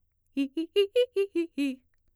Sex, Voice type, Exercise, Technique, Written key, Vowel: female, mezzo-soprano, arpeggios, fast/articulated piano, C major, i